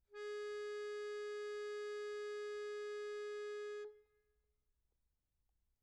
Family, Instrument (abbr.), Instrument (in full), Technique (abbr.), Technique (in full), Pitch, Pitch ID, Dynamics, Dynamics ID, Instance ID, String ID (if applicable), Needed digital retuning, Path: Keyboards, Acc, Accordion, ord, ordinario, G#4, 68, pp, 0, 1, , FALSE, Keyboards/Accordion/ordinario/Acc-ord-G#4-pp-alt1-N.wav